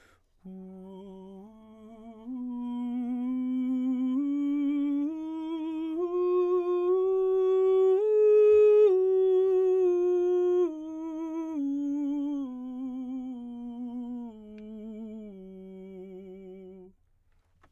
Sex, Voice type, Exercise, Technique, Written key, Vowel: male, baritone, scales, slow/legato piano, F major, u